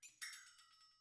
<region> pitch_keycenter=64 lokey=64 hikey=64 volume=20.000000 offset=1060 ampeg_attack=0.004000 ampeg_release=1.000000 sample=Idiophones/Struck Idiophones/Flexatone/flexatone_slap1.wav